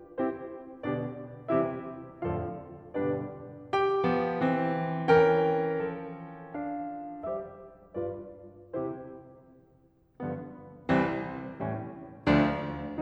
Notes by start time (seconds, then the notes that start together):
0.16 C4 E4 G4 C5
0.85 B2 D3 G3 B3 D4 G4 D5
1.55 C3 E3 G3 C4 E4 G4 C5 E5
2.26 F2 A2 D3 F3 F4 A4 D5 F5
2.99 G2 B2 D3 G3 D4 G4 B4 D5
3.73 G4 G5
4.06 F3 B3
4.39 E3 C4
5.09 E3 C#4 A#4 G5
5.73 F3 A4
6.55 D4 F5
7.31 G3 G4 C5 E5
7.92 G2 F4 B4 D5
8.79 C3 E4 G4 C5
10.20 G2 D3 F3 B3
10.88 C2 E3 G3 C4
11.64 A2 E3 G3 C#4
12.28 D2 F3 A3 D4